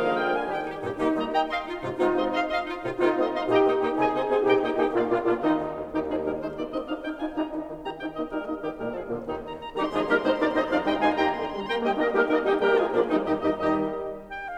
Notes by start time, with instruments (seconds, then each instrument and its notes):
0.00 bassoon D3 F3, horn A#3, clarinet G#4 F5, oboe A#4 F5
0.16 clarinet G5, oboe G5
0.33 horn A#3, clarinet G#5, oboe G#5
0.46 bassoon D#3 G3, horn D#4, clarinet G4 G5, oboe A#4 G5
0.62 clarinet D#4 G4
0.80 bassoon G2 A#2, clarinet D#4 G4
0.99 bassoon G3 A#3, clarinet D#4 G4, horn D#4
1.09 bassoon G3 A#3, oboe D#5
1.30 clarinet D#5 G5, oboe D#5
1.47 clarinet D#5 F5, oboe D#5
1.64 clarinet D#4 F4
1.78 bassoon G#2 C3, clarinet D#4 F4
1.97 bassoon G#3 C4, horn D#4 F4, clarinet F4
2.18 bassoon G#3 C4, oboe D#5
2.36 clarinet D#5 F5, oboe D#5 C6
2.50 oboe D#5 C6, clarinet F5
2.62 clarinet D#4 F4
2.77 bassoon G#2 C3, clarinet D#4 F4
2.95 bassoon G#3 C4, clarinet D#4 F4, horn D#4 F4
3.09 bassoon G#3 C4, oboe D#5
3.27 clarinet D#5 F5, oboe D#5 C6
3.44 bassoon A#2, horn D#4 G4, clarinet D#5 G5, oboe D#5 A#5
3.58 bassoon A#3, clarinet D#4 G4, oboe D#5 G5
3.73 bassoon A#3, clarinet D#4 G4, oboe D#5 G5
3.91 bassoon C3, horn D#4 G#4, clarinet D#5 G#5
4.05 bassoon C4, clarinet D#4 G#4, oboe D#5 G#5
4.23 bassoon C4, clarinet D#4 G#4, oboe D#5 G#5
4.37 bassoon A#2, horn D#4 G4, clarinet D#5 G5
4.50 bassoon A#3, clarinet D#4 G4, oboe D#5 G5
4.68 bassoon A#3, clarinet D#4 G4, horn D#4 G4, oboe D#5 G5
4.89 bassoon A#2, horn A#3 F4, clarinet D5 F5
5.10 horn A#2 F4, bassoon A#3, clarinet D4 F4, oboe D5
5.25 horn A#2 F4, bassoon A#3, clarinet D4 F4, oboe D5 F5
5.45 horn D#2 D#4, bassoon D#3, clarinet D#4, oboe G4
5.63 horn D#1
5.90 horn D#1 D#4, bassoon D#3, oboe G4
5.98 bassoon F3, horn D#4, oboe G#4
6.18 bassoon G3, horn D#4, oboe A#4
6.36 bassoon G#3, horn D#4, oboe C5
6.52 bassoon A#3, horn D#4, oboe D5
6.69 bassoon C4, horn D#4, oboe D#5
6.87 bassoon D4, horn D#4, oboe F5
6.97 horn D#4, bassoon D#4, oboe G5
7.15 horn D#4, bassoon F4, oboe G#5
7.30 bassoon D#4 G4, horn D#4, oboe A#5
7.47 bassoon D#3, horn D#4
7.63 bassoon D#3, horn D#4
7.83 bassoon D#3 G4, horn D#4, oboe A#5
7.98 bassoon D#4, horn D#4, oboe G5
8.15 bassoon A#3, horn D#4, oboe D#5
8.34 bassoon G3, horn D#4, oboe A#4
8.48 bassoon A#3, horn D#4, oboe D#5
8.63 bassoon D#3, horn D#4, oboe G4
8.82 bassoon A#2 G3, horn A#3, oboe A#4
9.00 bassoon F3, oboe G#4
9.17 bassoon A#2 D3, horn A#2 A#3, oboe F4
9.35 bassoon D#3, horn C4 F4, oboe G4
9.52 oboe A#5
9.67 oboe A#5
9.74 bassoon D#3 G3, horn C4 D#4, clarinet D#4 G4, oboe G4 A#5 C6
9.80 oboe A#5 C6
9.87 horn C3 D#4, bassoon F3 G#3, clarinet F4 G#4, oboe G#4 A#5
9.93 oboe A#5 C6
10.01 horn C3 D#4, bassoon G3 A#3, clarinet G4 A#4, oboe A#4 A#5 C6
10.07 oboe C6
10.11 oboe A#5
10.17 horn C3 D#4, bassoon G#3 C4, clarinet G#4 C5, oboe C5 A#5 C6
10.25 oboe C6
10.32 horn C3 D#4, bassoon A#3 D4, clarinet A#4 D5, oboe D5 A#5 C6
10.38 oboe A#5
10.43 oboe C6
10.47 horn C3 D#4, bassoon C4 D#4, clarinet C5 D#5, oboe D#5 A#5 C6
10.53 oboe A#5
10.58 oboe C6
10.62 horn C3 D#4, bassoon F3 D4, clarinet D5 F5, oboe F5 A#5
10.67 oboe C6
10.72 oboe A#5
10.77 oboe C6
10.82 horn C3 D#4, bassoon G3 D#4, clarinet D#5 G5, oboe G5 A#5 C6
10.89 oboe A#5
10.94 oboe C6
10.98 horn C3 D#4, bassoon G#3 F4, clarinet F5 G#5, oboe G#5 A#5
11.03 oboe C6
11.09 oboe A#5
11.13 oboe C6
11.18 horn C3 D#4, bassoon A#3 G4, clarinet G5 A#5, oboe A#5
11.37 horn D#3
11.53 horn G3
11.66 horn A#3, clarinet G5 A#5, oboe G5 A#5
11.77 horn G3 A#3, bassoon D#4 G4, clarinet D#5 G5, oboe D#5 G5
11.92 bassoon A#3 D#4, horn A#3 D#4, clarinet A#4 D#5, oboe A#4 D#5
12.09 bassoon G3 A#3, horn D#4 G4, clarinet G4 A#4, oboe G4 A#4
12.26 bassoon A#3 D#4, horn A#3 D#4, clarinet A#4 D#5, oboe A#4 D#5
12.39 bassoon D#3 G3, clarinet D#4 G4, horn D#4 G4, oboe D#5 G5
12.52 bassoon G3 A#3, horn G4 A#4, clarinet G4 A#4, oboe G5 A#5
12.71 bassoon F3 G#3, clarinet F4 G#4, horn F4 G#4, oboe F5 G#5
12.89 bassoon A#2, horn A#3 F4, clarinet D4 F4, oboe D5 F5
13.07 bassoon D#3, horn G3 D#4, clarinet D#4, oboe G4 D#5
13.27 bassoon D#2 D#3, horn G3 D#4, clarinet G4 D#5, oboe G4 D#5
13.49 bassoon D#2 D#3, horn G3 D#4, clarinet G4 D#5, oboe G4 D#5
13.79 bassoon D#2 D#3, horn G3 D#4, clarinet G4 D#5, oboe G4 D#5
14.45 clarinet G5